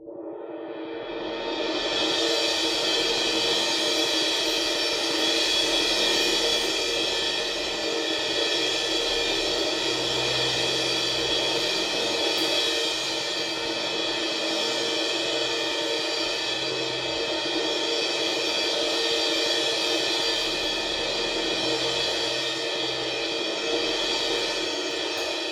<region> pitch_keycenter=71 lokey=71 hikey=71 volume=11.982349 lovel=100 hivel=127 ampeg_attack=0.004000 ampeg_release=2.000000 sample=Idiophones/Struck Idiophones/Suspended Cymbal 1/susCymb1_roll_ff2_nloop.wav